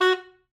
<region> pitch_keycenter=66 lokey=65 hikey=68 volume=8.066306 lovel=84 hivel=127 ampeg_attack=0.004000 ampeg_release=2.500000 sample=Aerophones/Reed Aerophones/Saxello/Staccato/Saxello_Stcts_MainSpirit_F#3_vl2_rr4.wav